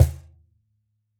<region> pitch_keycenter=61 lokey=61 hikey=61 volume=-5.294557 lovel=100 hivel=127 seq_position=1 seq_length=2 ampeg_attack=0.004000 ampeg_release=30.000000 sample=Idiophones/Struck Idiophones/Cajon/Cajon_hit2_f_rr1.wav